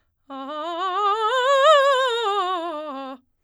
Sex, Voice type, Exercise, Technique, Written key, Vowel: female, soprano, scales, fast/articulated forte, C major, a